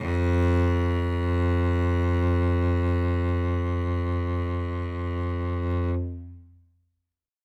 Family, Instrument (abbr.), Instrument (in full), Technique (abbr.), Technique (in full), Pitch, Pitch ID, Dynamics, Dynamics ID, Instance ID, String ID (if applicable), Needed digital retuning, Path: Strings, Vc, Cello, ord, ordinario, F2, 41, ff, 4, 3, 4, TRUE, Strings/Violoncello/ordinario/Vc-ord-F2-ff-4c-T17u.wav